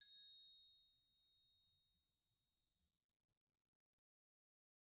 <region> pitch_keycenter=92 lokey=92 hikey=93 volume=21.099348 offset=256 ampeg_attack=0.004000 ampeg_release=15.000000 sample=Idiophones/Struck Idiophones/Bell Tree/Individual/BellTree_Hit_G#5_rr1_Mid.wav